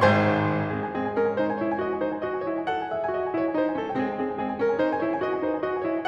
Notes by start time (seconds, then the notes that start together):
0.00 G#1 G#2 C5 G#5 C6
0.51 G#3 C4 G#4
0.67 G#5
0.92 C4 G#4
1.06 G#5
1.21 C#4 A#4
1.30 G#5
1.40 D#4 C5
1.54 G#5
1.64 E4 C#5
1.73 G#5
1.81 F#4 D#5
1.92 G#5
2.07 E4 C5
2.16 G#5
2.25 F#4 D#5
2.36 G#5
2.51 E4 C#5
2.60 G#5
2.69 A4 F#5
2.79 G#5
2.93 G#4 E5
3.03 G#5
3.13 F#4 D#5
3.23 G#5
3.34 E4 C#5
3.42 G#5
3.52 D#4 C5
3.63 G#5
3.74 C#4 A4
3.88 G5
4.06 G#3 C4 G#4
4.16 G#5
4.25 C4 G#4
4.33 G#5
4.42 C4 G#4
4.48 G#5
4.57 C#4 A#4
4.67 G#5
4.75 D#4 C5
4.86 G#5
4.98 E4 C#5
5.07 G#5
5.18 F#4 D#5
5.32 G#5
5.41 E4 C5
5.53 G#5
5.63 F#4 D#5
5.74 G#5
5.87 E4 C#5
5.97 G#5